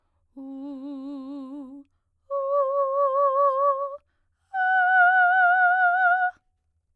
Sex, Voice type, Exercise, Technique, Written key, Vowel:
female, soprano, long tones, full voice pianissimo, , u